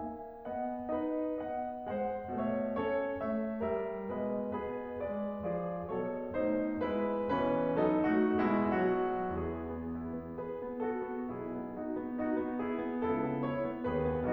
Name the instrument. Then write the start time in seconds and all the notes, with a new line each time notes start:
piano
0.00 A#3 E5 G#5
0.46 B3 D#5 F#5
0.94 D#4 B4 D#5
1.42 B3 D#5 F#5
1.90 G#3 C5 F#5
2.39 B2 A3 C#5 E5
2.81 C#4 A4 C#5
3.20 A3 C#5 E5
3.65 G3 A#4 E5
4.14 B2 G#3 B4 D#5
4.55 B3 G#4 B4
5.00 G#3 B4 D5
5.45 F3 G#4 D5
5.87 B2 F#3 A4 C#5
6.36 B2 A3 D#4 C5
6.82 G#3 E4 B4
7.28 B2 E3 C#4 B4
7.81 F#3 D#4 A4
8.10 A3 F#4
8.59 B2 G#3 E4
8.80 F#3 F#4
9.31 E2 E3 E4 G#4
9.52 B3
9.86 E4
10.23 B3
10.43 G#4 B4
10.66 B3
10.89 F#4 A4
11.10 B3
11.32 B1 B2 E4 G#4
11.53 B3
11.77 D#4 F#4
11.99 B3
12.25 D#4 F#4
12.46 B3
12.64 E4 G#4
12.88 B3
13.10 C#2 C#3 E4 A4
13.34 B3
13.53 E4 C#5
13.70 B3
13.85 D#2 D#3 F#4 B4
14.04 B3